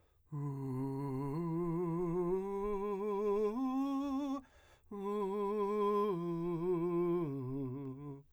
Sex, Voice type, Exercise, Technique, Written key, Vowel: male, , arpeggios, breathy, , u